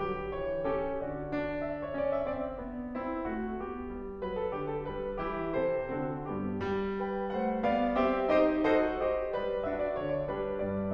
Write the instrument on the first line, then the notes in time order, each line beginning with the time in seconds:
piano
0.00 F#3 G4
0.38 E3 C#5
0.66 C#4 G4 A4
1.03 F#4 D5
1.34 D4
1.71 D5 E5
1.87 C#5
2.04 C#4 D5
2.17 E5
2.31 C4 D5
2.64 B3 D4
2.97 C4 E4
3.27 A3 F#4
3.65 B3 G4
3.95 G3
4.26 F#3 B4
4.41 A4
4.56 D3 G4
4.71 A4
4.88 G3 B4
5.21 E3 E4 G4
5.58 C3 A4 C5
5.91 D3 C4 F#4 A4
6.28 G2 B3 G4
6.62 G3
7.01 B4 G5
7.35 A3 C5 F#5
7.64 B3 D5 F5
7.93 C4 G4 E5
8.31 D#4 G4 C5 D#5
8.70 F#4 A4 C5 D#5
9.01 G4 C5 D#5
9.33 G3 B4 D5
9.69 D4 F#4 A4 E5
9.86 D5
10.01 D3 C#5
10.14 D5
10.30 G3 D4 G4 B4
10.61 G2 D5